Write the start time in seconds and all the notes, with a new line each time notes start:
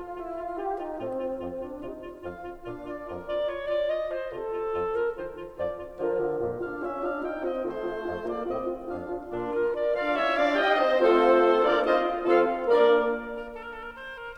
0.00 F4
0.21 E4 F4
0.37 F4
0.52 F4 G4
0.78 D#4 F4
1.00 A2 C4 F4
1.22 F4
1.44 F2 F4
1.64 D4 F4
1.80 C3 D#4 F4
2.01 F4
2.23 F2 F4 F5
2.43 F4
2.66 A#2 D4 F4 F5
2.86 F4 D5
3.08 F2 F4 A#4
3.27 F4 D5
3.44 F4 C#5
3.66 F4 D5
3.85 F4 D#5
4.06 F4 C5
4.25 C3 F4 A4
4.49 F4
4.68 F2 A4
4.92 F4 A#4
5.11 D#3 F4 C5
5.32 F4
5.55 F2 F3 F4 D5
5.76 F4
5.99 D3 F3 F4 A#4
6.18 D3 F4
6.39 F2 A#2 F4
6.62 D4 F4 F5
6.84 C#4 F4 E5
7.04 D4 F4 F5
7.17 D#4 F4 G5
7.36 C4 F4 D#5
7.58 D#3 A3 F4 C5
7.80 F4
8.06 F2 F4
8.27 A#3 F4 D5
8.45 A2 C4 F4 D#5
8.65 F4
8.87 F2 D4 F4 F5
9.08 F4
9.26 A#2 A#3 D4 F4 D5
9.50 F4 A#4
9.71 A#4 D5
9.91 D4 F4 D5 F5
10.12 C#4 E4 C#5 E5
10.32 D4 F4 D5 F5
10.54 D#4 G4 D#5 G5
10.76 C4 D#4 C5 D#5
11.02 A3 C4 F4 A4 C5
11.67 A#3 D4 F4 A#4 D5
11.87 C4 D#4 F4 C5 D#5
12.26 F3 C4 F4 A4 F5
12.69 A#3 D4 A#4 D5
13.31 A#4
13.54 A4
13.64 A#4
13.76 A4
13.85 A#4
13.98 C5
14.16 A#4